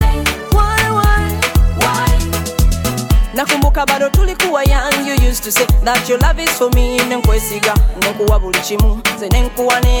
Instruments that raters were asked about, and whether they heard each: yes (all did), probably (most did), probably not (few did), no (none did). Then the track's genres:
banjo: probably not
voice: yes
International